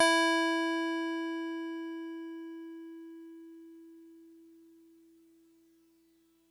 <region> pitch_keycenter=76 lokey=75 hikey=78 volume=10.022505 lovel=100 hivel=127 ampeg_attack=0.004000 ampeg_release=0.100000 sample=Electrophones/TX81Z/FM Piano/FMPiano_E4_vl3.wav